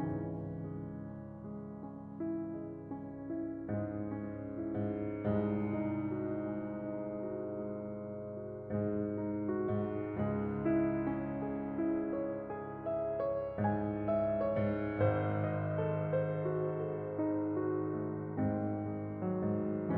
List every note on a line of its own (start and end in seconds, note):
0.00 5.18 C#2
0.00 3.70 G#2
0.00 0.98 E3
0.60 1.41 G#3
1.01 1.41 C#4
1.42 2.17 G#3
1.81 2.60 C#4
2.18 2.98 E4
2.61 3.34 G#3
3.00 3.70 C#4
3.36 4.12 E4
3.72 4.68 G#2
3.72 4.59 G#3
4.13 5.18 C#4
4.60 5.18 E4
4.69 5.18 G#2
5.19 10.12 C2
5.19 8.78 G#2
5.19 6.10 G#3
5.65 6.41 D#4
6.10 6.75 F#4
6.41 7.14 G#3
6.76 7.50 D#4
7.15 7.92 F#4
7.51 8.39 G#3
7.93 8.78 D#4
8.41 9.18 F#4
8.79 9.74 G#2
8.79 9.61 G#3
9.20 10.12 D#4
9.62 10.12 F#4
9.76 10.12 G#2
10.14 14.99 C#2
10.14 13.67 G#2
10.14 10.99 G#3
10.60 11.38 E4
11.02 11.75 C#4
11.39 12.17 G#4
11.76 12.49 E4
12.18 12.89 C#5
12.50 13.21 G#4
12.90 13.67 E5
13.22 14.07 C#5
13.68 14.55 G#2
13.68 14.44 G#5
14.08 14.99 E5
14.45 14.99 C#5
14.56 14.99 G#2
15.00 19.97 G#1
15.00 18.26 G#2
15.00 15.74 C5
15.38 16.07 D#5
15.77 16.42 A4
16.08 16.78 C5
16.44 17.12 F#4
16.79 17.51 A4
17.14 17.94 D#4
17.52 18.26 F#4
17.95 18.69 A3
18.27 19.34 G#2
18.27 19.19 C4
18.72 19.97 G#3
19.21 19.97 F#3
19.37 19.97 G#2